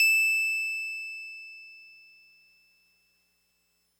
<region> pitch_keycenter=100 lokey=99 hikey=102 volume=7.669277 lovel=100 hivel=127 ampeg_attack=0.004000 ampeg_release=0.100000 sample=Electrophones/TX81Z/Piano 1/Piano 1_E6_vl3.wav